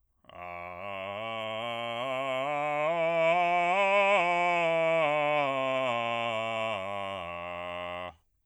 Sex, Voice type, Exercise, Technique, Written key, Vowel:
male, bass, scales, slow/legato forte, F major, a